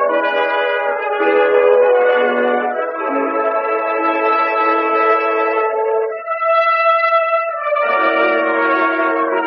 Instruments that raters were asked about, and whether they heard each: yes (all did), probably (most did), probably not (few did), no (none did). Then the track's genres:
trumpet: probably
clarinet: probably not
Classical; Old-Time / Historic